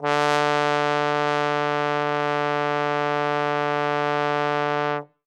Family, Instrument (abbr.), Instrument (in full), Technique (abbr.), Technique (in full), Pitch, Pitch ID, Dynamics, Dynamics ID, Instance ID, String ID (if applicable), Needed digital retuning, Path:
Brass, Tbn, Trombone, ord, ordinario, D3, 50, ff, 4, 0, , FALSE, Brass/Trombone/ordinario/Tbn-ord-D3-ff-N-N.wav